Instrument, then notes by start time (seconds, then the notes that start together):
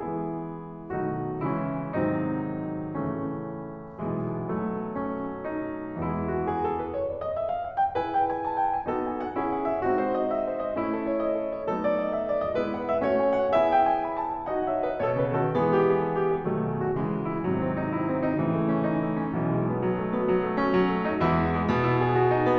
piano
0.00 E3 G#3 B3 E4 G#4
0.89 B2 D#3 F#3 A3 D#4 F#4
1.36 C#3 E3 G#3 C#4 E4
1.93 G#2 C3 D#3 F#3 C4 D#4
2.97 A2 C#3 E3 A3 C#4
3.97 B1 B2 E3 G#3 B3
4.49 F#3 A3
4.98 C#4
5.56 D#4
6.12 E2 E3 G#3 E4
6.34 F#4
6.55 G#4
6.70 A4
6.86 B4
6.98 C#5
7.13 D5
7.27 D#5
7.41 E5
7.50 F5
7.66 F#5
7.81 G5
7.98 E4 G#4 B4 G#5
8.15 G5
8.25 G#5
8.39 A5
8.54 F#5
8.70 G#5
8.85 B3 D#4 F#4 A4
9.02 G#5
9.18 F#5
9.37 C#4 E4 G#4
9.52 F#5
9.67 E5
9.85 C4 D#4 F#4
10.00 C5
10.14 D#5
10.29 E5
10.47 C5
10.62 D#5
10.79 A3 C#4 E4
10.95 A4
11.10 C#5
11.20 D#5
11.34 A4
11.52 C#5
11.69 F#3 A3 B3 D#4 A4
11.84 D5
12.00 D#5
12.13 E5
12.29 D5
12.43 D#5
12.57 G#3 B3 E4 B4
12.72 F#5
12.90 E5
13.07 A3 C#4 F#4 C#5
13.25 G#5
13.40 F#5
13.55 B3 E4 G#4 E5 G#5
13.70 G5
13.86 G#5
14.08 B5
14.22 A5
14.36 G#5
14.52 D#4 F#4 D#5 F#5
14.70 C#5 E5
14.88 B4 D#5
15.01 B2 A4 C#5
15.17 C#3 G#4 B4
15.37 D#3 F#4 A4
15.56 E3 G#3 B3 G#4
15.71 G4
15.87 G#4
16.02 A4
16.16 G4
16.30 G#4
16.47 B2 D#3 F#3 A3
16.68 G#4
16.81 F#4
16.96 C#3 E3 G#3
17.15 F#4
17.31 E4
17.47 G#2 C3 D#3 F#3
17.64 C4
17.79 D#4
17.94 E4
18.16 C4
18.27 D#4
18.41 A2 C#3 E3
18.58 A3
18.69 C#4
18.84 D#4
18.92 A3
19.08 C#4
19.26 B1 B2 E3
19.48 G#3
19.64 B3
19.83 F#3
19.97 A3
20.12 B3
20.31 F#3
20.46 A3
20.61 C#4
20.72 F#3
20.89 C#4
21.05 D#4
21.19 E2 E3 G#3 E4
21.34 B3
21.54 G#3
21.70 B2 B3
21.84 E4
22.02 G#4
22.15 F#4
22.31 D#4
22.43 B3